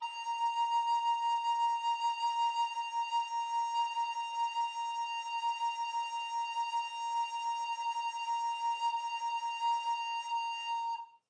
<region> pitch_keycenter=82 lokey=82 hikey=83 tune=-1 volume=13.899695 offset=485 ampeg_attack=0.004000 ampeg_release=0.300000 sample=Aerophones/Edge-blown Aerophones/Baroque Alto Recorder/SusVib/AltRecorder_SusVib_A#4_rr1_Main.wav